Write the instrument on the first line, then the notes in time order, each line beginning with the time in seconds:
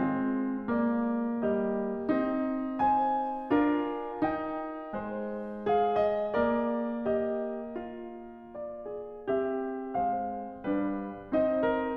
piano
0.00 G#3 C4
0.70 A#3 D5
1.47 G3 G4 D#5
2.16 C4 D#4
2.81 C5 G#5
3.51 D4 F4 A#4
4.24 D#4 G5
4.95 G#3 C5
5.74 G#4 F5
6.06 D#5
6.37 A#3 A#4 D5
7.04 G4 D#5
7.83 F4
8.56 D5
8.85 G#4
9.26 C4 G4 E5
9.96 G#3 C5 F5
10.67 G3 D4 B4
11.23 C4 D#4 C5 D#5
11.60 A#4